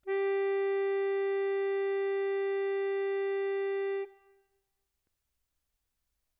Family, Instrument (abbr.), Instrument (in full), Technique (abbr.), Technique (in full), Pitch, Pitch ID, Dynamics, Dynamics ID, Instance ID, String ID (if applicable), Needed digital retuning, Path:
Keyboards, Acc, Accordion, ord, ordinario, G4, 67, mf, 2, 4, , FALSE, Keyboards/Accordion/ordinario/Acc-ord-G4-mf-alt4-N.wav